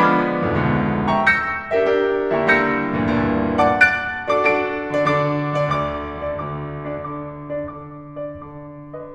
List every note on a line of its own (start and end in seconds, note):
0.00 0.65 F3
0.00 0.65 G#3
0.00 0.65 B3
0.00 0.65 D4
0.00 1.10 B5
0.00 1.10 D6
0.00 1.10 F6
0.00 1.10 G#6
0.00 1.10 B6
0.53 0.65 D2
0.53 0.65 F2
0.53 0.65 G#2
0.53 0.65 B2
0.53 0.65 D3
0.66 0.92 D2
0.66 0.92 F2
0.66 0.92 G#2
0.66 0.92 A#2
0.66 0.92 D#3
1.10 1.25 E5
1.10 1.25 G5
1.10 1.25 B5
1.10 1.25 C#6
1.27 2.50 E6
1.27 2.50 G6
1.27 2.50 A#6
1.27 2.50 C#7
1.79 1.92 D4
1.79 1.92 G4
1.79 1.92 A#4
1.79 1.92 E5
1.93 2.50 D4
1.93 2.50 G4
1.93 2.50 A#4
1.93 2.50 E5
2.36 2.50 D3
2.36 2.50 G3
2.36 2.50 A#3
2.36 2.50 E4
2.36 2.50 E5
2.36 2.50 G5
2.36 2.50 A#5
2.36 2.50 C#6
2.50 2.96 D3
2.50 2.96 G3
2.50 2.96 A#3
2.50 2.96 E4
2.50 3.68 E6
2.50 3.68 G6
2.50 3.68 A#6
2.50 3.68 C#7
2.97 3.19 D2
2.97 3.19 G2
2.97 3.19 A#2
2.97 3.19 E3
3.19 3.51 D2
3.19 3.51 G2
3.19 3.51 A#2
3.19 3.51 E3
3.69 3.83 F#5
3.69 3.83 A5
3.69 3.83 D6
3.83 4.26 D6
3.83 4.26 F#6
3.83 4.26 A6
3.83 4.26 D7
4.27 4.45 D4
4.27 4.45 F#4
4.27 4.45 A4
4.27 4.45 D5
4.27 4.45 D6
4.45 4.92 D4
4.45 4.92 F#4
4.45 4.92 A4
4.45 4.92 D5
4.45 4.92 D7
4.93 5.07 D3
4.93 5.07 D4
4.93 5.07 D5
5.07 5.47 D3
5.07 5.47 D4
5.07 5.47 D6
5.48 5.67 D2
5.48 5.67 D3
5.48 5.67 D5
5.67 6.21 D2
5.67 6.21 D3
5.67 6.21 D6
6.22 6.40 D3
6.22 6.40 D5
6.40 6.90 D2
6.40 6.90 D6
6.91 7.06 D4
6.91 7.06 D5
7.06 7.55 D3
7.06 7.55 D6
7.55 7.66 D4
7.55 7.66 D5
7.67 8.21 D3
7.67 8.21 D6
8.21 8.48 D4
8.21 8.48 D5
8.50 9.15 D3
8.50 9.15 D6